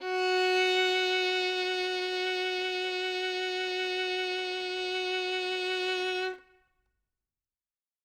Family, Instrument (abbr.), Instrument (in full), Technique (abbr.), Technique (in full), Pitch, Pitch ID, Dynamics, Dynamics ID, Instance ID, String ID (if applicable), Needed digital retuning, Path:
Strings, Vn, Violin, ord, ordinario, F#4, 66, ff, 4, 3, 4, FALSE, Strings/Violin/ordinario/Vn-ord-F#4-ff-4c-N.wav